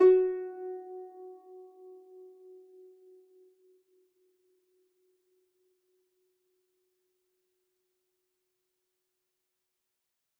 <region> pitch_keycenter=66 lokey=66 hikey=67 volume=4.510810 xfin_lovel=70 xfin_hivel=100 ampeg_attack=0.004000 ampeg_release=30.000000 sample=Chordophones/Composite Chordophones/Folk Harp/Harp_Normal_F#3_v3_RR1.wav